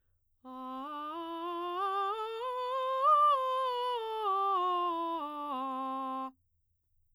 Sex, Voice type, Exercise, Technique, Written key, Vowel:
female, soprano, scales, straight tone, , a